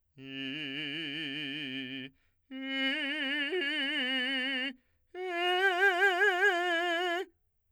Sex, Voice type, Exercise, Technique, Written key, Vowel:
male, , long tones, trill (upper semitone), , i